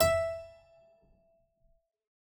<region> pitch_keycenter=76 lokey=76 hikey=77 volume=-0.737975 trigger=attack ampeg_attack=0.004000 ampeg_release=0.350000 amp_veltrack=0 sample=Chordophones/Zithers/Harpsichord, English/Sustains/Lute/ZuckermannKitHarpsi_Lute_Sus_E4_rr1.wav